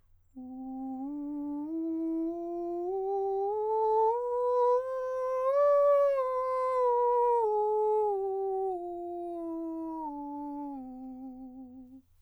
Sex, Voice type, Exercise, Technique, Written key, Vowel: male, countertenor, scales, straight tone, , u